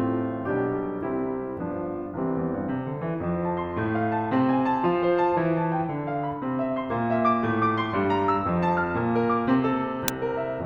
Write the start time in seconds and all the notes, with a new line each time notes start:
0.00 A1 A2 A3 C4 F4
0.51 B1 B2 G3 D4 G4
1.07 C2 C3 G3 C4 E4
1.58 G2 F3 B3 D4
2.17 C2 E3 G3 C4
2.35 E2
2.53 G2
2.74 C3
2.89 D3
3.07 E3
3.24 F2 F3
3.47 A5
3.65 C6
3.82 A2 A3
3.96 F5
4.14 A5
4.32 C3 C4
4.53 G#5
4.69 A5
4.89 F3 F4
5.10 C5
5.22 A5
5.39 E3 E4
5.58 A5
5.75 G5
5.91 D3 D4
6.08 F5
6.21 B5
6.40 C3 C4
6.58 E5
6.73 C6
6.92 A#2 A#3
7.08 E5
7.26 D6
7.43 A2 A3
7.63 D6
7.80 C6
7.95 G2 G3
8.09 A#5
8.30 E6
8.46 F2 F3
8.64 A5
8.81 F6
9.00 A#2 A#3
9.16 A#4
9.31 D6
9.49 C3 C4
9.72 A4
9.93 C6
10.14 C2 C3
10.26 A#4
10.45 E5